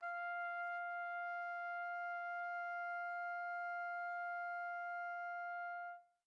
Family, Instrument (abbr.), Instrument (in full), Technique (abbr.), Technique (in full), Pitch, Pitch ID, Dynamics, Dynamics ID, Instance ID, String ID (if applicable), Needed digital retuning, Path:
Brass, TpC, Trumpet in C, ord, ordinario, F5, 77, pp, 0, 0, , TRUE, Brass/Trumpet_C/ordinario/TpC-ord-F5-pp-N-T12d.wav